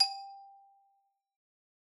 <region> pitch_keycenter=67 lokey=64 hikey=69 volume=14.082654 lovel=0 hivel=83 ampeg_attack=0.004000 ampeg_release=15.000000 sample=Idiophones/Struck Idiophones/Xylophone/Hard Mallets/Xylo_Hard_G4_pp_01_far.wav